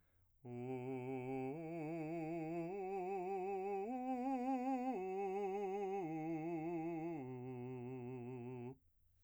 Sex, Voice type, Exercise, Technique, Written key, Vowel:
male, , arpeggios, slow/legato piano, C major, u